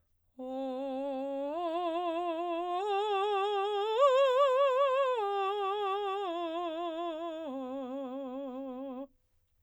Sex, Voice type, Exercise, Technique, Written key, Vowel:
female, soprano, arpeggios, slow/legato piano, C major, o